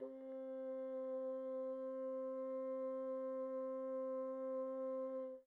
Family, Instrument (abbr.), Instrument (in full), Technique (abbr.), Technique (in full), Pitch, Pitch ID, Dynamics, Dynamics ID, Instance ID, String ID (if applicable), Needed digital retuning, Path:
Winds, Bn, Bassoon, ord, ordinario, C4, 60, pp, 0, 0, , FALSE, Winds/Bassoon/ordinario/Bn-ord-C4-pp-N-N.wav